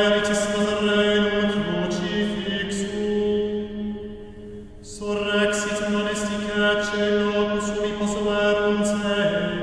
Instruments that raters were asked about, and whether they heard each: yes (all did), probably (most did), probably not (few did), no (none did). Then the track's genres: mandolin: no
voice: yes
Choral Music